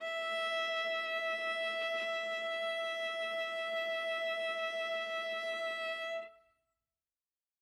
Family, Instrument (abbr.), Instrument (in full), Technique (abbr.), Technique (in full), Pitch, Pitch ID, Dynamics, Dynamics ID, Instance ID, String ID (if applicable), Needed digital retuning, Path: Strings, Va, Viola, ord, ordinario, E5, 76, ff, 4, 2, 3, FALSE, Strings/Viola/ordinario/Va-ord-E5-ff-3c-N.wav